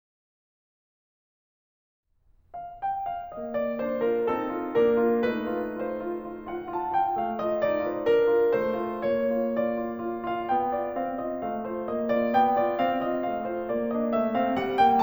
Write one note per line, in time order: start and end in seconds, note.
2.52 2.88 F5
2.89 3.10 G5
3.10 3.32 F5
3.33 3.81 A#3
3.33 3.61 D#5
3.61 3.81 F4
3.61 3.81 D5
3.82 4.24 D4
3.82 4.00 C5
4.02 4.24 F4
4.02 4.24 A#4
4.25 4.76 C4
4.25 4.76 A4
4.55 4.76 F4
4.76 5.19 A#3
4.76 5.19 A#4
4.98 5.19 F4
5.19 7.16 A3
5.19 7.16 D#4
5.19 5.82 B4
5.53 5.82 F4
5.82 5.98 F4
5.82 6.47 C5
6.02 6.26 F4
6.27 6.47 F4
6.48 6.74 F4
6.48 6.74 F#5
6.76 6.94 F4
6.76 6.94 A5
6.94 7.16 F4
6.94 7.16 G5
7.17 7.63 A3
7.17 7.43 F5
7.43 7.63 F4
7.43 7.63 D#5
7.64 8.01 D#4
7.64 7.81 D5
7.82 8.01 F4
7.82 8.01 C5
8.06 8.49 D4
8.06 8.49 A#4
8.25 8.49 F4
8.49 9.04 A3
8.49 9.04 C5
8.79 9.04 F4
9.04 10.46 A#3
9.04 9.60 C#5
9.35 9.60 F4
9.60 9.83 F4
9.60 10.26 D5
9.84 10.07 F4
10.08 10.26 F4
10.27 10.46 F4
10.27 10.46 F5
10.49 10.92 A#3
10.49 10.69 G5
10.69 10.92 F4
10.69 10.92 D5
10.95 11.40 C4
10.95 11.18 F5
11.18 11.40 F4
11.18 11.40 D#5
11.41 11.88 A3
11.41 11.64 F5
11.66 11.88 F4
11.66 11.88 C5
11.89 12.34 A#3
11.89 12.15 D#5
12.17 12.34 F4
12.17 12.34 D5
12.34 12.76 B3
12.34 12.54 G5
12.55 12.76 F4
12.55 12.76 D5
12.76 13.27 C4
12.76 12.97 F5
12.98 13.27 F4
12.98 13.27 D#5
13.29 13.64 A3
13.29 13.47 F5
13.48 13.64 F4
13.48 13.64 C5
13.65 14.13 A#3
13.65 13.92 D5
13.92 14.13 D4
13.92 14.13 D#5
14.14 14.58 A3
14.14 14.36 E5
14.36 14.58 C4
14.36 14.58 F5
14.59 15.02 G3
14.59 14.83 F#5
14.83 15.02 A#3
14.83 15.02 G5